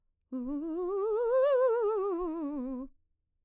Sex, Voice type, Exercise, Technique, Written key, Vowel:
female, mezzo-soprano, scales, fast/articulated piano, C major, u